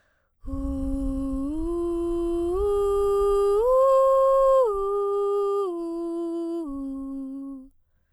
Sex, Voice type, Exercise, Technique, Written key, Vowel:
female, soprano, arpeggios, breathy, , u